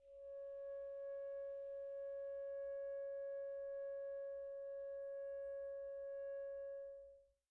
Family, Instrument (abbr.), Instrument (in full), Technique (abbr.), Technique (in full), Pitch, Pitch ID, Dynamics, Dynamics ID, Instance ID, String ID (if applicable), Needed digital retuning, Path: Winds, ASax, Alto Saxophone, ord, ordinario, C#5, 73, pp, 0, 0, , FALSE, Winds/Sax_Alto/ordinario/ASax-ord-C#5-pp-N-N.wav